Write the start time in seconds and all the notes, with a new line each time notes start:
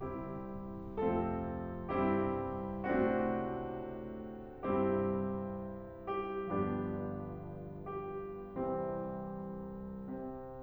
0.00 C2 C3 G3 C4 E4 G4
1.01 F2 C3 F3 A3 C4 F4 A4
1.90 G2 C3 G3 C4 E4 G4
2.89 A2 C3 A3 C4 D4 F#4
4.68 G2 C3 G3 C4 E4 G4
6.13 G4
6.49 G1 G2 F3 B3 D4 G4
8.07 G4
8.39 C2 C3 E3 G3 C4
9.89 C3 C4